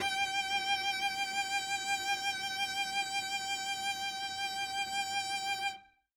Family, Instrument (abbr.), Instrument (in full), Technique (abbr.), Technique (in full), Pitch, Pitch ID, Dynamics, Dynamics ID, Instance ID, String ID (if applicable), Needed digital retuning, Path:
Strings, Vc, Cello, ord, ordinario, G5, 79, ff, 4, 0, 1, FALSE, Strings/Violoncello/ordinario/Vc-ord-G5-ff-1c-N.wav